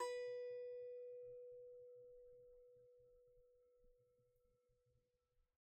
<region> pitch_keycenter=71 lokey=71 hikey=72 volume=13.369979 lovel=0 hivel=65 ampeg_attack=0.004000 ampeg_release=15.000000 sample=Chordophones/Composite Chordophones/Strumstick/Finger/Strumstick_Finger_Str3_Main_B3_vl1_rr1.wav